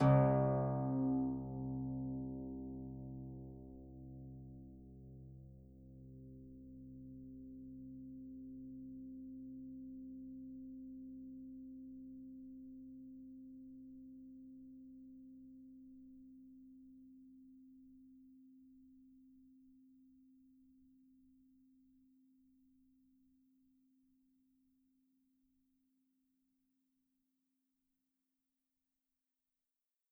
<region> pitch_keycenter=36 lokey=36 hikey=37 tune=-41 volume=9.887644 xfin_lovel=70 xfin_hivel=100 ampeg_attack=0.004000 ampeg_release=30.000000 sample=Chordophones/Composite Chordophones/Folk Harp/Harp_Normal_C1_v3_RR1.wav